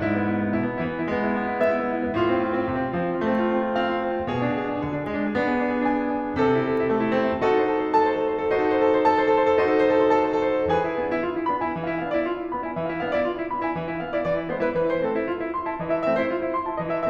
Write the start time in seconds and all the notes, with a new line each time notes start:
0.00 G#2 E4
0.10 B3
0.19 E4
0.29 B3
0.37 E4
0.44 B3
0.52 B2 E4
0.59 B3
0.67 E4
0.73 E3 B3
0.81 E4
0.89 B3
0.96 G#3 E4
1.04 B3
1.13 E4
1.22 B3
1.31 E4
1.39 B3
1.52 E4 E5
1.60 B3
1.70 E4
1.79 B3
1.87 E4
1.95 B3
2.05 A2 F4
2.15 C4
2.25 F4
2.32 C4
2.40 F4
2.51 C4
2.59 C3 F4
2.69 C4
2.77 F4
2.87 F3 C4
2.96 F4
3.09 C4
3.20 A3 F4
3.30 C4
3.49 F4
3.61 C4
3.67 F4
3.76 C4
3.84 F4 F5
3.92 C4
3.99 F4
4.05 C4
4.14 F4
4.20 C4
4.28 B2 G#4
4.38 D4
4.46 G#4
4.52 D4
4.61 G#4
4.75 D4
4.83 D3 G#4
4.91 D4
5.02 G#4
5.09 G#3 D4
5.18 G#4
5.27 D4
5.39 B3 G#4
5.55 D4
5.62 G#4
5.71 D4
5.77 G#4
5.86 D4
5.94 G#4 G#5
6.01 D4
6.08 G#4
6.16 D4
6.23 G#4
6.32 D4
6.41 C3 A4
6.49 E4
6.58 A4
6.65 E4
6.73 A4
6.82 E4
6.90 A3 A4
6.98 E4
7.06 A4
7.16 C4 E4
7.26 A4
7.34 E4
7.41 D#4 F#4 A4
7.49 C5
7.59 A4
7.70 C5
7.78 A4
7.86 C5
7.96 A4 A5
8.06 C5
8.13 A4
8.24 C5
8.34 A4
8.43 C5
8.52 D#4 F#4 A4
8.60 C5
8.68 A4
8.80 C5
8.88 A4
8.96 C5
9.06 A4 A5
9.16 C5
9.26 A4
9.35 C5
9.42 A4
9.53 C5
9.62 D#4 F#4 A4
9.72 C5
9.81 A4
9.93 C5
10.00 A4
10.09 C5
10.18 A4 A5
10.25 C5
10.34 A4
10.41 C5
10.50 A4
10.58 C5
10.67 E3 G#4 B4 G#5
10.80 E4
11.01 B3 D4
11.13 E4
11.26 F4
11.37 E4
11.49 B3 D4 B5
11.62 E4 G#5
11.76 E3 E5
11.90 E4 F5
12.02 B3 D4 F5
12.16 E4 D5
12.31 F4
12.41 E4
12.49 B3 D4 B5
12.60 E4 G#5
12.76 E3 E5
12.86 E4 F5
12.99 B3 D4 F5
13.12 E4 D5
13.25 F4
13.37 E4
13.49 B3 D4 B5
13.62 E4 G#5
13.75 E3 E5
13.93 E4 F5
14.01 B3 D4 F5
14.14 E4 D5
14.22 E3 D5
14.35 E4 C5
14.48 G#3 B3 C5
14.61 E4 B4
14.76 E3 B4
14.88 E4 C5
15.01 A3 C4 A4
15.15 E4
15.27 F4
15.41 E4
15.55 A3 C4 C6
15.65 E4 A5
15.78 E3 D#5
15.91 E4 E5
16.04 A3 C4 E5
16.17 E4 C5
16.29 F4
16.45 E4
16.58 A3 C4 C6
16.68 E4 A5
16.79 E3 D#5
16.93 E4 E5